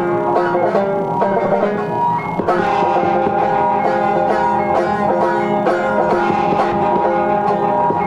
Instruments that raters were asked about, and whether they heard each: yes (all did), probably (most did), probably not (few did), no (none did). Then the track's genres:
banjo: yes
Field Recordings; Experimental; Minimalism